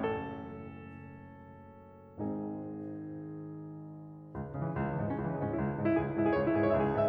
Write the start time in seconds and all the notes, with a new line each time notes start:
0.00 F#1 F#2 A3 C#4 D#4 A4
2.19 G#1 G#2 G#3 C4 D#4 G#4
4.34 C#2
4.45 G#2
4.57 G#2 C#3
4.68 E3
4.75 C#2 G#3
4.84 C#3
4.95 G#2 E3
5.09 G#3
5.19 C#2 C#4
5.29 E3
5.39 G#2 G#3
5.53 C#4
5.62 C#2 E4
5.74 G#3
5.83 G#2 C#4
5.92 E4
6.00 C#2 G#4
6.10 C#4
6.19 G#2 E4
6.28 G#4
6.34 C#2 C#5
6.43 E4
6.55 G#2 G#4
6.63 C#5
6.72 C#2 E5
6.79 G#4
6.91 G#2 C#5
7.02 E5